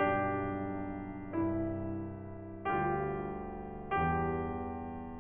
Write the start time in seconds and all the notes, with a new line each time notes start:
0.00 B1 G2 D4 G4
1.32 C2 G2 E4
2.66 D2 G2 F4 G4
3.94 E2 G2 G4